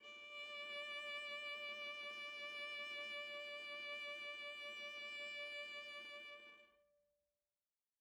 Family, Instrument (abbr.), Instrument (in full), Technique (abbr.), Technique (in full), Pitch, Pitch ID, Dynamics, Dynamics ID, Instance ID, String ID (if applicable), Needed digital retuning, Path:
Strings, Va, Viola, ord, ordinario, D5, 74, mf, 2, 1, 2, FALSE, Strings/Viola/ordinario/Va-ord-D5-mf-2c-N.wav